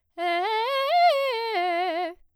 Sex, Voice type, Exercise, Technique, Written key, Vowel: female, soprano, arpeggios, fast/articulated piano, F major, e